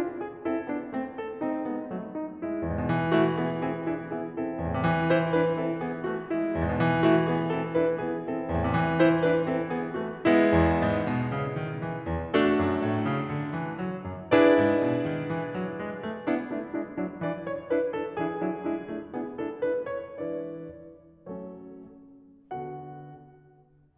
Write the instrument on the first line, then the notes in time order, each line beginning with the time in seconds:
piano
0.00 D4 F4
0.22 G#4
0.44 C4 E4 A4
0.67 B3 D4
0.95 A3 C4
1.22 A4
1.43 A3 C4 D#4
1.66 G#3 B3
1.90 F#3 A3
2.12 D#4
2.45 G#3 E4
2.67 E2
2.74 G#2
2.82 B2
2.90 E3
3.15 A3 E4 F#4
3.40 B3 E4 G#4
3.60 C4 E4 A4
3.87 D4 E4 B4
4.06 B3 E4 G#4
4.34 C4 E4 A4
4.57 E2
4.63 A2
4.71 C3
4.78 E3
5.12 E4 C5
5.33 D4 E4 B4
5.54 C4 E4 A4
5.79 B3 E4 G#4
6.08 A3 E4 F#4
6.33 G#3 E4
6.52 E2
6.58 G#2
6.71 B2
6.79 E3
7.05 A3 E4 F#4
7.29 B3 E4 G#4
7.50 C4 E4 A4
7.77 D4 E4 B4
7.95 B3 E4 G#4
8.29 C4 E4 A4
8.49 E2
8.61 A2
8.68 C3
8.75 E3
9.07 E4 C5
9.35 D4 E4 B4
9.58 C4 E4 A4
9.79 B3 E4 G#4
10.04 A3 E4 F#4
10.29 G#3 B3 E4
10.53 E2
10.83 G#2
11.06 B2
11.37 C#3
11.60 D#3
11.83 E3
12.12 E2
12.35 A3 D4 F#4 A4
12.60 F#2
12.82 A2
13.06 C#3
13.35 D3
13.57 E3
13.78 F#3
14.00 F#2
14.33 D4 E4 G#4 B4 D5
14.58 G#2
14.80 B2
15.07 D#3
15.28 E3
15.55 F#3
15.81 G#3
16.07 A3
16.28 B3 D4 E4
16.52 A3 D4 E4
16.76 G#3 D4 E4
16.97 F#3 D4 E4
17.17 E3 D4 E4 D5
17.39 D4 E4 C#5
17.68 D4 E4 B4
17.94 D4 E4 A4
18.16 E3 D4 E4 G#4
18.40 F#3 D4 E4
18.66 G#3 D4 E4
18.91 A3 D4 E4
19.14 B3 D4 E4 G#4
19.40 D4 E4 A4
19.66 D4 E4 B4
19.89 D4 E4 C#5
20.11 E3 G#3 D4 E4 B4 D5
21.29 F#3 A3 C#4 A4 C#5
22.51 D3 B3 F#4 A4 F#5